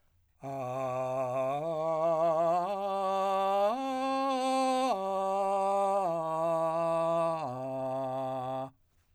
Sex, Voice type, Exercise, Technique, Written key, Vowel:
male, , arpeggios, straight tone, , a